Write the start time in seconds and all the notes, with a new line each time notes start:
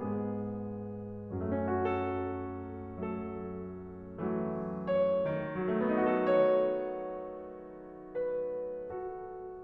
0.00 G#2 G#3 B3 G#4
1.42 F#2 F#3 A3 C#4 F#4 A4
2.93 F#3 A3 A4
4.13 E3 F#3 A3
4.85 C#5
5.49 D#3
5.58 F#3
5.68 A3
5.78 B3
5.91 D#4
6.04 F#4
6.18 A4
6.30 C#5
8.19 B4
8.89 F#4 A4